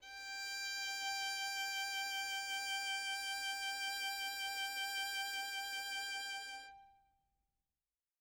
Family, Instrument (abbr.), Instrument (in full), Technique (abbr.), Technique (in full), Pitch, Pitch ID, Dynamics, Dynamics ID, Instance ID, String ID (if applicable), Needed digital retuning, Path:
Strings, Vn, Violin, ord, ordinario, G5, 79, mf, 2, 0, 1, FALSE, Strings/Violin/ordinario/Vn-ord-G5-mf-1c-N.wav